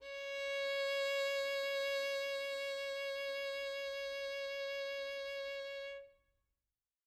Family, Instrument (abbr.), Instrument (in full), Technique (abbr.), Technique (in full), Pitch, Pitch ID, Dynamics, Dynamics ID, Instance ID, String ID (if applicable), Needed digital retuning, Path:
Strings, Vn, Violin, ord, ordinario, C#5, 73, mf, 2, 1, 2, FALSE, Strings/Violin/ordinario/Vn-ord-C#5-mf-2c-N.wav